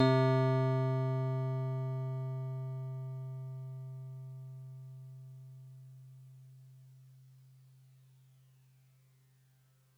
<region> pitch_keycenter=60 lokey=59 hikey=62 volume=11.243786 lovel=66 hivel=99 ampeg_attack=0.004000 ampeg_release=0.100000 sample=Electrophones/TX81Z/FM Piano/FMPiano_C3_vl2.wav